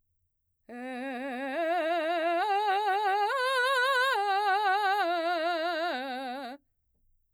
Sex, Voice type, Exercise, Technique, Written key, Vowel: female, mezzo-soprano, arpeggios, slow/legato forte, C major, e